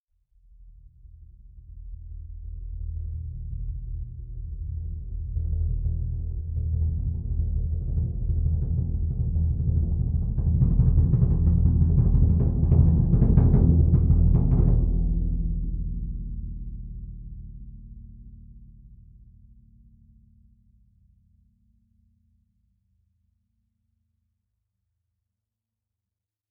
<region> pitch_keycenter=60 lokey=60 hikey=60 volume=9.000000 offset=37876 ampeg_attack=0.004000 ampeg_release=2.000000 sample=Membranophones/Struck Membranophones/Bass Drum 2/bassdrum_cresc_med.wav